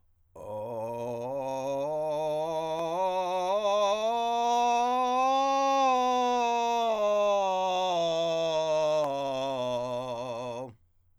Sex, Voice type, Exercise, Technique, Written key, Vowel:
male, countertenor, scales, vocal fry, , o